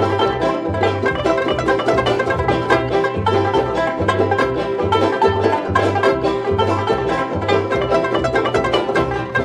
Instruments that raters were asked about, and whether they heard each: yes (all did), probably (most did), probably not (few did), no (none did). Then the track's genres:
mandolin: yes
banjo: yes
synthesizer: no
Old-Time / Historic